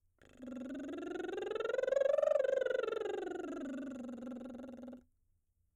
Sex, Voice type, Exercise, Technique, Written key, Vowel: female, soprano, scales, lip trill, , a